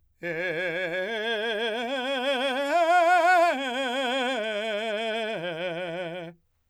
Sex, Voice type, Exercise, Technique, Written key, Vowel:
male, , arpeggios, slow/legato forte, F major, e